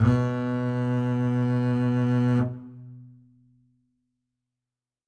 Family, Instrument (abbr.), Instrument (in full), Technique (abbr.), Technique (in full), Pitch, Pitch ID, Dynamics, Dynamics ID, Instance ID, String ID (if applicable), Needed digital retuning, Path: Strings, Cb, Contrabass, ord, ordinario, B2, 47, ff, 4, 2, 3, TRUE, Strings/Contrabass/ordinario/Cb-ord-B2-ff-3c-T17u.wav